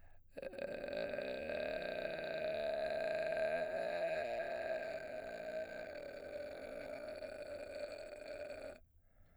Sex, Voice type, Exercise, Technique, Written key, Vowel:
male, baritone, arpeggios, vocal fry, , e